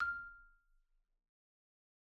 <region> pitch_keycenter=89 lokey=87 hikey=92 volume=20.664081 xfin_lovel=84 xfin_hivel=127 ampeg_attack=0.004000 ampeg_release=15.000000 sample=Idiophones/Struck Idiophones/Marimba/Marimba_hit_Outrigger_F5_loud_01.wav